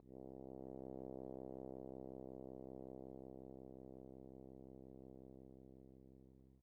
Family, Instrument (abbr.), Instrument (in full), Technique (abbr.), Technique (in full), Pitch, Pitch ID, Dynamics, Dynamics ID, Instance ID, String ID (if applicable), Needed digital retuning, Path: Brass, Hn, French Horn, ord, ordinario, C2, 36, pp, 0, 0, , FALSE, Brass/Horn/ordinario/Hn-ord-C2-pp-N-N.wav